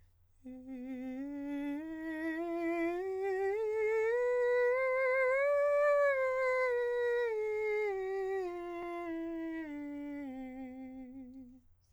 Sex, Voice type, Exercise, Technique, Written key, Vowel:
male, countertenor, scales, slow/legato piano, C major, e